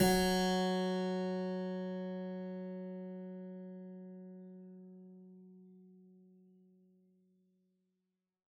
<region> pitch_keycenter=54 lokey=54 hikey=55 volume=0.914362 trigger=attack ampeg_attack=0.004000 ampeg_release=0.400000 amp_veltrack=0 sample=Chordophones/Zithers/Harpsichord, Flemish/Sustains/Low/Harpsi_Low_Far_F#2_rr1.wav